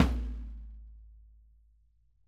<region> pitch_keycenter=65 lokey=65 hikey=65 volume=9.433595 lovel=107 hivel=127 seq_position=2 seq_length=2 ampeg_attack=0.004000 ampeg_release=30.000000 sample=Membranophones/Struck Membranophones/Snare Drum, Rope Tension/Low/RopeSnare_low_tsn_Main_vl4_rr1.wav